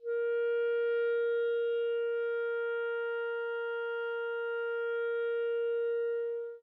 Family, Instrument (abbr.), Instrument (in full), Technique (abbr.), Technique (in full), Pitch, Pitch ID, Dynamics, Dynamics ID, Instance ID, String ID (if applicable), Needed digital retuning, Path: Winds, ClBb, Clarinet in Bb, ord, ordinario, A#4, 70, mf, 2, 0, , FALSE, Winds/Clarinet_Bb/ordinario/ClBb-ord-A#4-mf-N-N.wav